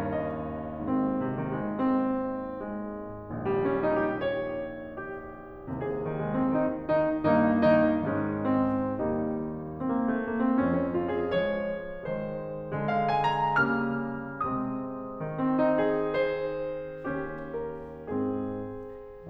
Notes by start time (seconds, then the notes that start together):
0.00 D#2 A#4
0.33 D#5
0.79 G#1 D#2 G#2 C4
1.06 C3
1.35 D#3
1.54 G#3
1.72 C4
2.59 G#3
3.37 A#1 D#2 A#2 G3
3.62 C#4
3.84 D#4
4.02 G4
4.18 C#5
4.99 G4
5.75 C2 D#2 C3 G#4
5.92 D#3
6.13 G#3
6.36 C4
6.58 D#3 D#4
6.92 D#3 D#4
7.29 G2 D#3 A#3 D#4
7.66 D#3 D#4
8.05 G#2 D#3 G#3 C#4 D#4
8.66 C4
9.06 D#2 D#3 G3 A#3 D#4
9.85 C4
9.91 A#3
10.04 A3
10.22 A#3
10.41 C4
10.63 F2 C#4
10.77 C#4
10.95 F4
11.13 G#4
11.31 F3 G#3 C#5
12.09 D#3 G#3 C5
12.74 D3 G#3
12.91 F5
13.10 G#5
13.39 A#5
13.61 C#3 G3 A#3 F6
14.44 C3 G#3 C4 D#6
15.26 D#3
15.44 C4
15.63 D#4
15.84 G#4
16.06 C5
17.09 D#2 C#4 G4
17.62 A#4
18.08 G#2 C4 G#4